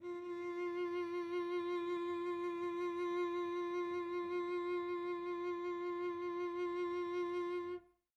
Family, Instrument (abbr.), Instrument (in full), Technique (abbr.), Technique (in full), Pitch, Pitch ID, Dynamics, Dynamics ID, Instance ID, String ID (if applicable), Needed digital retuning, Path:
Strings, Vc, Cello, ord, ordinario, F4, 65, pp, 0, 2, 3, TRUE, Strings/Violoncello/ordinario/Vc-ord-F4-pp-3c-T18u.wav